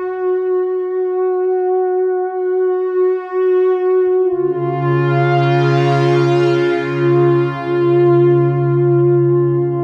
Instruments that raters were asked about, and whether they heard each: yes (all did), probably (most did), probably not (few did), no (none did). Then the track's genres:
trumpet: no
cello: yes
saxophone: no
trombone: no
clarinet: yes
Soundtrack; Ambient Electronic; Ambient; Minimalism